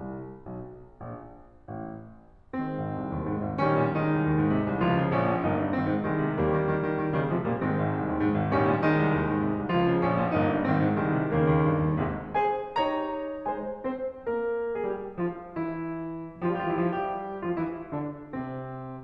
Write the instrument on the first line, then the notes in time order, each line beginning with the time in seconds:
piano
0.00 C2
0.50 B1
1.14 A#1
1.74 A1
2.60 D#3 G#3 C4
2.81 G#1
2.98 C2
3.17 D#2
3.31 G#2
3.41 G#1
3.60 A#1 D#3 G3 C#4
3.81 A#2
3.99 D#3 G#3 D#4
4.14 C2
4.26 D#2
4.34 G#2
4.50 C3
4.66 C2
4.81 C#2 F3 F4
4.99 C#3
5.17 A#1 C#4
5.32 A#2
5.46 G1 A#3 D#4
5.62 G2
5.71 G#1 D#3 C4
5.87 G#2
6.06 C2 D#3 G#3
6.21 C3
6.36 D#2 G3 A#3
6.55 D#3
6.70 D#3
6.87 D#3
7.04 D#3
7.22 C#3 D#3 G3
7.31 C3 F3 G#3
7.44 A#2 G3 A#3
7.57 G#2 D#3 G#3 C4
7.71 G#1
7.86 C2
8.02 D#2
8.20 G#2
8.35 G#1
8.51 A#1 D#3 G3 C#4
8.64 A#2
8.82 D#3 G#3 D#4
8.96 C2
9.10 D#2
9.28 G#2
9.43 C3
9.60 C2
9.73 C#2 F3 F4
9.87 C#3
10.01 A#1 C#4
10.15 A#2
10.27 G1 A#3 D#4
10.50 G2
10.66 G#1 D#3 C4
10.80 G#2
10.95 C2 D#3 G#3
11.08 C3
11.25 D#2 C#3 D#3 A#3
11.44 D#2
11.62 G2
11.81 D#2
12.05 G#1 G#2 C3 G#3
12.36 G#3 G#4 C5 G#5
12.72 D#4 G4 C#5 A#5
13.48 G#3 G#4 C5 G#5
13.83 C4 C5
14.25 A#3 A#4
14.78 G#3 G#4
14.86 G3 G4
15.20 F3 F4
15.56 E3 E4
16.45 F3 F4
16.67 G3 G4
16.76 E3 E4
16.87 F3 F4
16.96 G3 G4
17.48 F3 F4
17.57 E3 E4
17.97 D3 D4
18.36 C3 C4